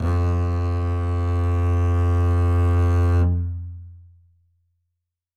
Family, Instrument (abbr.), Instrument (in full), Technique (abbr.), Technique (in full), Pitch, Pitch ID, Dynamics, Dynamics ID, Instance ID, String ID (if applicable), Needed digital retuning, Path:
Strings, Cb, Contrabass, ord, ordinario, F2, 41, ff, 4, 2, 3, FALSE, Strings/Contrabass/ordinario/Cb-ord-F2-ff-3c-N.wav